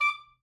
<region> pitch_keycenter=86 lokey=85 hikey=89 tune=3 volume=11.441933 ampeg_attack=0.004000 ampeg_release=2.500000 sample=Aerophones/Reed Aerophones/Saxello/Staccato/Saxello_Stcts_MainSpirit_D5_vl1_rr6.wav